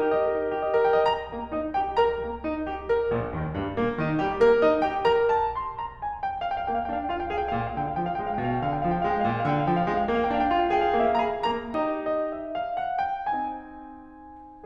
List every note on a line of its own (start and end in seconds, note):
0.00 0.10 G4
0.12 0.20 D#5
0.20 0.24 A#4
0.24 0.34 G4
0.34 0.44 D#4
0.45 0.55 A#4
0.56 0.64 G4
0.64 0.73 D#5
0.73 0.86 A#4
0.86 0.96 G5
0.98 1.08 D#5
1.08 1.29 A#5
1.29 1.51 A#3
1.29 1.51 A#4
1.52 1.72 D#4
1.52 1.72 D#5
1.72 2.00 G4
1.72 2.00 G5
2.02 2.24 A#4
2.02 2.24 A#5
2.24 2.44 A#3
2.45 2.61 D#4
2.61 2.88 G4
2.89 3.10 A#4
3.10 3.36 A#1
3.10 3.36 A#2
3.36 3.58 D#2
3.36 3.58 D#3
3.58 3.75 G2
3.58 3.75 G3
3.75 3.95 A#2
3.75 3.95 A#3
3.96 4.17 D#3
3.96 4.17 D#4
4.17 4.37 G3
4.17 4.37 G4
4.38 4.57 A#3
4.38 4.57 A#4
4.57 4.81 D#4
4.57 4.81 D#5
4.82 5.06 G4
4.82 5.06 G5
5.06 5.57 A#4
5.06 5.32 A#5
5.33 5.57 A5
5.57 5.78 C6
5.78 6.04 A#5
6.04 6.23 G#5
6.23 6.41 G5
6.41 6.50 F5
6.41 6.55 G5
6.50 6.63 F5
6.56 6.69 G5
6.63 6.83 A#3
6.63 6.72 F5
6.69 6.78 G5
6.73 6.83 F5
6.78 6.90 G5
6.84 7.07 D4
6.84 6.95 F5
6.90 7.01 G5
6.95 7.07 F5
7.02 7.13 G5
7.07 7.29 F4
7.07 7.20 F5
7.14 7.26 G5
7.20 7.29 F5
7.26 7.33 G5
7.30 7.48 G#4
7.30 7.37 F5
7.30 7.42 G5
7.37 7.48 F5
7.43 7.52 G5
7.48 7.73 A#2
7.48 7.60 F5
7.55 7.67 G5
7.60 7.73 F5
7.67 7.81 G5
7.74 7.99 D3
7.74 7.87 F5
7.81 7.93 G5
7.88 7.99 F5
7.93 8.03 G5
7.99 8.20 F3
7.99 8.09 F5
8.05 8.15 G5
8.09 8.20 F5
8.15 8.27 G5
8.21 8.43 G#3
8.21 8.31 F5
8.27 8.36 G5
8.32 8.43 F5
8.32 8.50 G5
8.43 8.67 B2
8.43 8.56 F5
8.51 8.60 G5
8.56 8.67 F5
8.61 8.72 G5
8.67 8.84 D3
8.67 8.78 F5
8.72 8.79 G5
8.79 8.84 F5
8.79 8.88 G5
8.84 9.04 F3
8.84 8.94 F5
8.88 8.99 G5
8.94 9.04 F5
9.00 9.10 G5
9.04 9.24 G#3
9.04 9.15 F5
9.10 9.20 G5
9.15 9.24 F5
9.20 9.30 G5
9.25 9.45 A#2
9.25 9.36 F5
9.30 9.40 G5
9.36 9.45 F5
9.40 9.50 G5
9.45 9.65 D3
9.45 9.56 F5
9.51 9.60 G5
9.56 9.65 F5
9.60 9.71 G5
9.66 9.87 F3
9.66 9.76 F5
9.71 9.81 G5
9.76 9.87 F5
9.82 9.93 G5
9.87 10.09 G#3
9.87 9.98 F5
9.94 10.04 G5
9.98 10.09 F5
10.04 10.18 G5
10.10 10.39 A#3
10.10 10.25 F5
10.18 10.32 G5
10.26 10.39 F5
10.32 10.44 G5
10.39 10.58 D4
10.39 10.47 F5
10.45 10.58 F5
10.45 10.53 G5
10.53 10.65 G5
10.59 10.80 F4
10.59 10.69 F5
10.65 10.74 G5
10.70 10.80 F5
10.70 10.87 G5
10.80 11.02 G#4
10.80 10.92 F5
10.88 10.97 G5
10.92 11.02 F5
10.98 11.24 A#3
10.98 11.11 F5
10.98 11.06 G5
11.06 11.17 G5
11.12 11.24 D#5
11.17 11.24 F5
11.24 11.44 G#4
11.24 11.44 A#5
11.44 11.75 A#3
11.44 11.75 A#5
11.76 12.28 D#4
11.76 12.28 G4
11.76 12.03 D#5
12.03 12.28 D#5
12.31 12.56 E5
12.56 12.79 F5
12.81 13.05 F#5
13.05 13.34 G5
13.34 14.64 C4
13.34 14.64 D#4
13.34 14.64 G#5